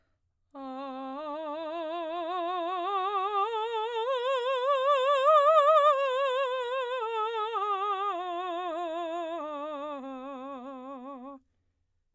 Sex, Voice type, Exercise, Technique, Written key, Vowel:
female, soprano, scales, slow/legato piano, C major, a